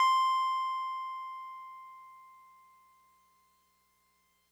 <region> pitch_keycenter=84 lokey=83 hikey=86 volume=11.679453 lovel=66 hivel=99 ampeg_attack=0.004000 ampeg_release=0.100000 sample=Electrophones/TX81Z/Piano 1/Piano 1_C5_vl2.wav